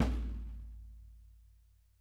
<region> pitch_keycenter=65 lokey=65 hikey=65 volume=13.115312 lovel=84 hivel=106 seq_position=1 seq_length=2 ampeg_attack=0.004000 ampeg_release=30.000000 sample=Membranophones/Struck Membranophones/Snare Drum, Rope Tension/Low/RopeSnare_low_tsn_Main_vl3_rr1.wav